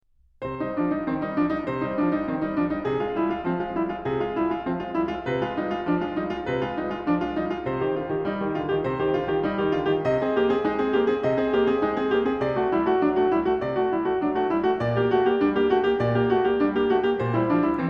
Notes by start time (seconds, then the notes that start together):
0.03 C3 C5
0.59 G3 D#4
0.77 F3 D4
0.90 G3 D#4
1.06 D#3 C4
1.20 G3 D#4
1.35 F3 D4
1.53 G3 D#4
1.67 C3 C5
1.85 G3 D#4
2.00 F3 D4
2.12 G3 D#4
2.26 D#3 C4
2.41 G3 D#4
2.54 F3 D4
2.68 G3 D#4
2.84 C3 G#4
2.98 G#3 F4
3.15 G3 E4
3.27 G#3 F4
3.44 F3 C4
3.59 G#3 F4
3.76 G3 E4
3.92 G#3 F4
4.07 C3 G#4
4.23 G#3 F4
4.38 G3 E4
4.53 G#3 F4
4.68 F3 C4
4.81 G#3 F4
4.91 G3 E4
5.06 G#3 F4
5.27 C3 B4
5.44 G#3 F4
5.58 G3 D#4
5.70 G#3 F4
5.85 F3 D4
6.01 G#3 F4
6.15 G3 D#4
6.29 G#3 F4
6.47 C3 B4
6.63 G#3 F4
6.78 G3 D#4
6.93 G#3 F4
7.09 F3 D4
7.23 G#3 F4
7.35 G3 D#4
7.50 G#3 F4
7.64 C3 C5
7.81 D#3 G4
7.96 D3 F4
8.10 D#3 G4
8.29 G3 D#4
8.44 D#3 G4
8.57 D3 F4
8.72 D#3 G4
8.85 C3 C5
8.97 D#3 G4
9.12 D3 F4
9.30 D#3 G4
9.44 G3 D#4
9.59 D#3 G4
9.76 D3 F4
9.93 D#3 G4
10.04 C3 D#5
10.22 C4 G#4
10.37 A#3 G4
10.52 C4 G#4
10.68 G#3 D#4
10.80 C4 G#4
10.94 A#3 G4
11.10 C4 G#4
11.25 C3 D#5
11.41 C4 G#4
11.56 A#3 G4
11.69 C4 G#4
11.84 G#3 D#4
12.00 C4 G#4
12.13 A#3 G4
12.28 C4 G#4
12.41 C3 D5
12.55 A3 F#4
12.74 G3 E4
12.86 A3 F#4
13.05 F#3 D4
13.19 A3 F#4
13.34 G3 E4
13.49 A3 F#4
13.61 C3 D5
13.77 A3 F#4
13.91 G3 E4
14.05 A3 F#4
14.21 F#3 D4
14.37 A3 F#4
14.52 G3 E4
14.66 A3 F#4
14.83 A#2 D5
14.98 A#3 G4
15.13 A3 F#4
15.25 A#3 G4
15.43 G3 D4
15.53 A#3 G4
15.72 A3 F#4
15.87 A#3 G4
16.02 A#2 D5
16.18 A#3 G4
16.32 A3 F#4
16.47 A#3 G4
16.59 G3 D4
16.75 A#3 G4
16.89 A3 F#4
17.04 A#3 G4
17.18 A#2 C5
17.33 G3 E4
17.48 F3 D4
17.61 G3 E4
17.76 E3 C4